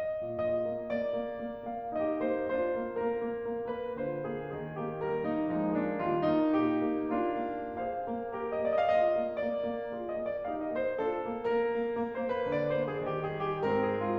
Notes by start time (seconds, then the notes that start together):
0.03 D#5
0.31 A#2 F4 G#4 D#5
0.59 A#3
0.84 A#3 D5
1.08 A#3
1.44 A#3
1.68 A#3 F5
1.95 D#4 G4 D#5
2.19 A#3 C5
2.52 D4 F4 C5
2.72 A#3
3.02 A#3 A#4
3.25 A#3
3.48 A#3
3.74 A#3 B4
3.99 D3 F4 C5
4.21 A#3 G#4
4.54 D#3 G#4
4.78 A#3 G4
5.03 G3 A#4
5.25 A#3 D#4
5.54 F3 G#3 D#4
5.84 A#3 D4
6.06 D#3 G3 F4
6.30 A#3 D#4
6.56 A#2 G4
6.86 A#3
7.13 A#3 D4 F4
7.44 A#3
7.79 G#4 C5 F5
8.05 A#3
8.34 G4 A#4
8.56 A#3 D#5
8.93 F4 G#4 D5
8.97 D#5
9.04 F5
9.16 D#5
9.21 A#3
9.47 A#3 D5
9.72 A#3
9.95 F4 G#4
10.12 D#5
10.23 A#3
10.30 D5
10.46 D#4 G4 F5
10.61 D#5
10.69 A#3
10.76 C5
11.02 D4 F4 A4
11.25 A#3
11.52 A#3 A#4
11.73 A#3
11.96 A#3
12.18 C5
12.26 A#3
12.36 B4
12.53 D3 D5
12.70 C5
12.79 A#3
12.89 G#4
13.08 D#3 G4
13.26 G#4
13.41 G3
13.48 G4
13.63 G#2 C4 A#4
13.85 G#4
13.94 G#3
14.01 F4